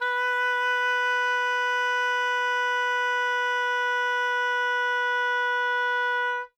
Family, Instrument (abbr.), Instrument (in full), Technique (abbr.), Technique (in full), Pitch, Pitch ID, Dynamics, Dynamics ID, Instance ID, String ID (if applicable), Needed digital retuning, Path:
Winds, Ob, Oboe, ord, ordinario, B4, 71, ff, 4, 0, , TRUE, Winds/Oboe/ordinario/Ob-ord-B4-ff-N-T13d.wav